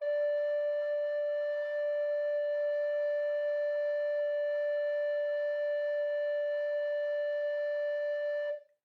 <region> pitch_keycenter=74 lokey=74 hikey=75 volume=8.733515 offset=323 ampeg_attack=0.004000 ampeg_release=0.300000 sample=Aerophones/Edge-blown Aerophones/Baroque Tenor Recorder/Sustain/TenRecorder_Sus_D4_rr1_Main.wav